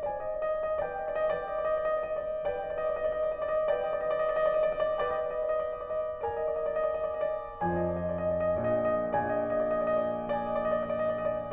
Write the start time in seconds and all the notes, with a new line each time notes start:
0.00 C5 D#5 G#5
0.10 D5
0.21 D#5
0.30 D5
0.38 D#5
0.48 D5
0.63 D#5
0.73 D5
0.81 B4 D#5 G5
0.92 D5
1.03 D#5
1.16 D5
1.28 B4 D#5 G5
1.37 D5
1.46 D#5
1.61 D5
1.71 D#5
1.83 D5
1.94 D#5
2.04 D5
2.15 D#5
2.26 D5
2.37 D#5
2.47 D5
2.57 B4 D#5 G5
2.64 D5
2.71 D#5
2.77 D5
2.87 D#5
2.96 D5
3.07 D#5
3.15 D5
3.27 D#5
3.39 D5
3.48 D#5
3.61 D5
3.70 B4 D#5 G5
3.78 D5
3.90 D#5
3.99 D5
4.13 D#5
4.23 D5
4.34 D#5
4.45 D5
4.61 D#5
4.70 D5
4.84 D#5
4.95 D5
5.05 B4 D#5 G5
5.14 D5
5.20 D#5
5.31 D5
5.41 D#5
5.50 D5
5.60 D#5
5.70 D5
5.83 D#5
5.92 D5
6.03 D#5
6.11 D5
6.21 A#4 D#5 G#5
6.27 D5
6.36 D#5
6.49 D5
6.61 D#5
6.75 D5
6.86 D#5
7.12 D5
7.22 D#5
7.34 D5
7.44 D#5
7.55 D5
7.64 F2 F3 D#5 G#5
7.80 D5
7.91 D#5
8.03 D5
8.17 D#5
8.28 D5
8.37 D#5
8.45 D5
8.56 A#1 A#2 D#5
8.68 D5
8.79 D#5
8.89 D5
9.01 A#1 A#2 D#5 G#5
9.13 D5
9.25 D#5
9.38 D5
9.47 D#5
9.58 D5
9.71 D#5
9.80 D5
9.91 D#5
10.01 D5
10.10 D#5
10.19 D5
10.30 D#5 G#5
10.40 D5
10.50 D#5
10.60 D5
10.68 D#5
10.79 D5
10.88 D#5
10.98 D5
11.08 D#5
11.18 D5
11.26 D#5
11.40 D5